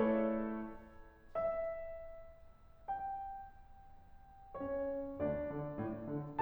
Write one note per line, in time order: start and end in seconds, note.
0.01 0.70 A3
0.01 0.70 E4
0.01 0.70 A4
0.01 1.34 C#5
1.35 2.59 E5
2.61 4.57 G5
4.58 5.20 C#4
4.58 5.20 C#5
5.21 5.50 D2
5.21 6.40 D4
5.21 6.40 D5
5.50 5.78 D3
5.80 6.08 A2
6.10 6.40 D3